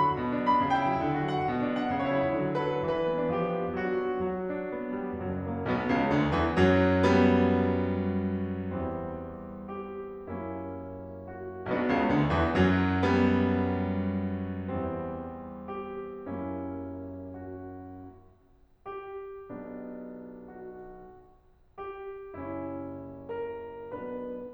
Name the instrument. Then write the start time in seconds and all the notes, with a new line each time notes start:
piano
0.00 F#3 B5
0.12 F#4
0.24 B2
0.36 D4
0.45 F#3 B5
0.52 D4
0.66 C#3 G5
0.78 E4
0.87 F#3
0.96 E4
1.04 D3
1.14 F#4
1.24 F#3 F#5
1.34 F#4
1.45 B2
1.54 D4
1.80 F#3 F#5
1.93 D4
2.03 C#3 C#5
2.14 E4
2.25 F#3
2.33 E4
2.43 D3
2.53 F#4
2.72 F#3 B4
2.86 F#4
2.96 E3 B4
3.10 D4
3.20 B3
3.31 D4
3.39 F3 G4
3.48 D4
3.60 B3
3.69 D4
3.78 F#3 F#4
3.88 D4
3.99 B3
4.12 D4
4.24 F#3 F#4
4.52 D4
4.79 B3
4.98 G3
5.20 F#1 F#2 F#3
5.45 A#3
5.64 B1 B2 B3
5.89 C#2 C#3
6.12 D2 D3
6.33 E2 E3
6.56 F#2 F#3
7.04 G3 B3
8.73 E2 E3 G3 C4
9.80 G4
10.33 F#2 F#3 A#3 C#4 E4
11.32 F#4
11.71 B1 B2 B3 D4 F#4
11.91 C#2 C#3
12.11 D2 D3
12.38 E2 E3
12.57 F#2 F#3
13.10 G3 B3
14.76 E2 E3 G3 C4
15.72 G4
16.34 F#2 F#3 A#3 C#4 E4
17.39 F#4
18.89 G4
19.50 B1 B2 B3 D4
20.54 F#4
21.87 G4
22.42 F#1 F#2 C#4 E4
23.29 A#4
23.86 B1 B2 B3 D4 B4